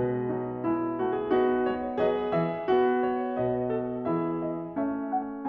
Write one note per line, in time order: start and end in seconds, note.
0.00 1.66 B2
0.00 0.34 G#3
0.00 1.66 B4
0.34 0.70 F#3
0.34 0.70 D#4
0.70 1.09 G#3
0.70 1.34 E4
1.09 1.32 A3
1.09 1.17 F#4
1.17 1.34 G#4
1.34 2.01 D#4
1.34 2.01 F#4
1.66 2.01 G#3
1.66 2.01 C#5
2.01 2.35 F#3
2.01 2.71 G#4
2.01 3.05 B4
2.01 2.35 D#5
2.35 2.71 E3
2.35 3.38 E5
2.71 3.38 B3
2.71 4.08 F#4
3.05 3.39 C#5
3.38 4.06 B2
3.38 3.74 B4
3.38 4.06 D#5
3.74 4.08 A4
4.06 4.76 E3
4.06 4.77 E4
4.06 4.77 G#4
4.06 4.42 E5
4.42 4.76 D#5
4.76 5.49 A3
4.76 5.49 C#4
4.76 5.11 E5
5.11 5.49 F#5